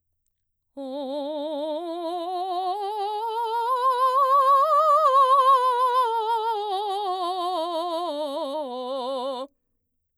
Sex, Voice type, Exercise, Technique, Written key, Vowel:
female, mezzo-soprano, scales, vibrato, , o